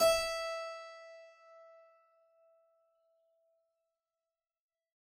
<region> pitch_keycenter=76 lokey=76 hikey=77 volume=-2.214084 trigger=attack ampeg_attack=0.004000 ampeg_release=0.400000 amp_veltrack=0 sample=Chordophones/Zithers/Harpsichord, Flemish/Sustains/Low/Harpsi_Low_Far_E4_rr1.wav